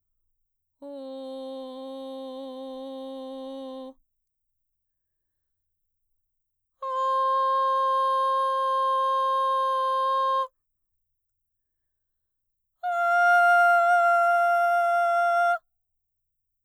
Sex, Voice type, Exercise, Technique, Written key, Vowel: female, mezzo-soprano, long tones, straight tone, , o